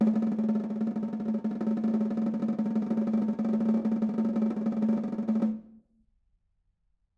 <region> pitch_keycenter=62 lokey=62 hikey=62 volume=8.799950 offset=195 lovel=84 hivel=106 ampeg_attack=0.004000 ampeg_release=0.5 sample=Membranophones/Struck Membranophones/Snare Drum, Modern 1/Snare2_rollNS_v4_rr1_Mid.wav